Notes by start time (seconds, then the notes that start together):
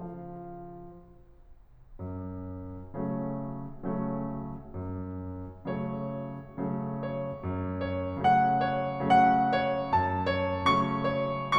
0.00 F3 F4 F5
1.72 F#2
2.96 C#3 F#3 A3 C#4
3.85 C#3 F#3 A3 C#4
4.76 F#2
5.71 C#3 F#3 A3 C#4 C#5
6.62 C#3 F#3 A3 C#4
7.06 C#5
7.42 F#2
7.83 C#5
8.19 C#3 F#3 A3 C#4 F#5
8.56 C#5
8.90 C#3 F#3 A3 C#4 F#5
9.43 C#5
9.82 F#2 A5
10.29 C#5
10.70 C#3 F#3 A3 C#4 C#6
11.15 C#5